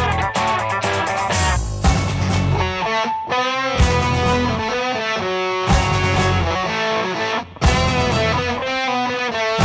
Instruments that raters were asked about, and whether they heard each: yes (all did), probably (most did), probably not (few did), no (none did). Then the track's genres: guitar: yes
Indie-Rock